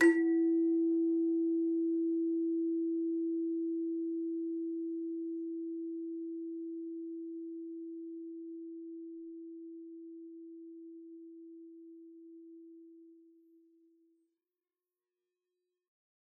<region> pitch_keycenter=64 lokey=64 hikey=65 tune=6 volume=11.973366 ampeg_attack=0.004000 ampeg_release=30.000000 sample=Idiophones/Struck Idiophones/Hand Chimes/sus_E3_r01_main.wav